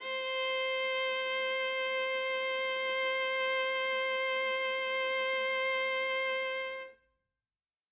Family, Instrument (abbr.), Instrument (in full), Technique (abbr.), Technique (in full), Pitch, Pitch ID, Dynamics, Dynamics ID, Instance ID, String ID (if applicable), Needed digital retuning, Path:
Strings, Va, Viola, ord, ordinario, C5, 72, ff, 4, 2, 3, FALSE, Strings/Viola/ordinario/Va-ord-C5-ff-3c-N.wav